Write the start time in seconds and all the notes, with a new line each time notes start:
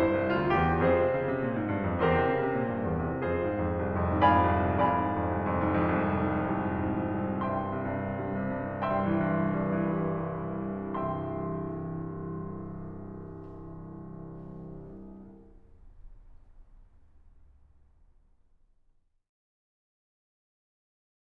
0.00 G2 E4 C5
0.23 C2
0.37 D2 F4
0.64 E2 G4
0.87 F2 C4 F4 G#4 C5
1.03 C3
1.16 C#3
1.34 C3
1.47 A#2
1.60 G#2
1.72 G2
1.81 F2
2.02 E2 C4 G4 A#4 C5
2.16 C3
2.29 C#3
2.45 C3
2.64 A#2
2.75 G2
2.93 E2
3.12 C3
3.27 F2 C4 F4 G#4 C5
3.47 G#2
3.59 F2
3.74 C2
3.90 F2
4.09 G#2
4.21 F2 D5 F5 G#5 B5
4.59 C2
4.81 F2 D5 F5 G#5 B5
5.04 G#2
5.19 F2
5.41 C2
5.57 F2
5.69 G#2
5.83 F2
5.97 C2
6.11 F2
6.30 G#2
6.46 F2
6.61 C2
6.79 F2
6.97 G#2
7.11 F2
7.31 C2
7.50 E5 G5 C6
7.67 C3
7.84 G2
8.00 C2
8.16 G2
8.32 C3
8.48 G2
8.66 C2
8.82 G2 E5 G5 C6
9.02 E3
9.25 G2
9.46 C2
9.71 G2
9.94 E3
10.17 G2
10.47 C2
10.83 C1 C2 E5 G5 C6